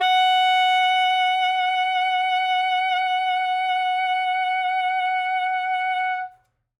<region> pitch_keycenter=78 lokey=77 hikey=80 volume=7.695181 ampeg_attack=0.004000 ampeg_release=0.500000 sample=Aerophones/Reed Aerophones/Saxello/Vibrato/Saxello_SusVB_MainSpirit_F#4_vl2_rr1.wav